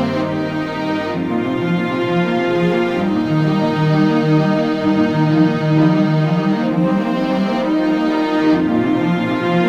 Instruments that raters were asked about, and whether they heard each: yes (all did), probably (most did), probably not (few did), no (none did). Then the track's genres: cello: yes
Electronic; Experimental Pop